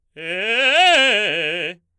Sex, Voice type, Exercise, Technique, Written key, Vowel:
male, baritone, arpeggios, fast/articulated forte, F major, e